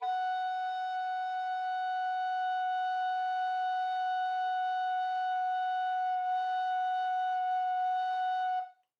<region> pitch_keycenter=78 lokey=78 hikey=79 volume=10.223089 offset=420 ampeg_attack=0.004000 ampeg_release=0.300000 sample=Aerophones/Edge-blown Aerophones/Baroque Tenor Recorder/Sustain/TenRecorder_Sus_F#4_rr1_Main.wav